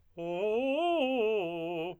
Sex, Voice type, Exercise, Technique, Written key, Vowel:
male, tenor, arpeggios, fast/articulated piano, F major, o